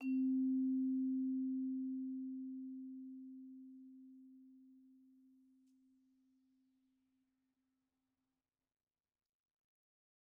<region> pitch_keycenter=60 lokey=59 hikey=62 volume=15.293248 offset=135 lovel=0 hivel=83 ampeg_attack=0.004000 ampeg_release=15.000000 sample=Idiophones/Struck Idiophones/Vibraphone/Soft Mallets/Vibes_soft_C3_v1_rr2_Main.wav